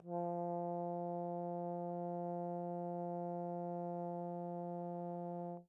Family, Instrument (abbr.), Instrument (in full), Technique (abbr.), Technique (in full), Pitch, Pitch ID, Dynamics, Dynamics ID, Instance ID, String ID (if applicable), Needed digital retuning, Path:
Brass, Tbn, Trombone, ord, ordinario, F3, 53, pp, 0, 0, , FALSE, Brass/Trombone/ordinario/Tbn-ord-F3-pp-N-N.wav